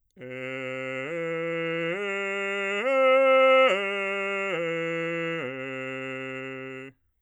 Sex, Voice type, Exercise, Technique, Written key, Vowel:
male, bass, arpeggios, straight tone, , e